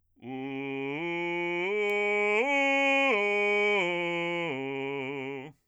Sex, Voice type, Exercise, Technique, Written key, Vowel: male, bass, arpeggios, belt, , u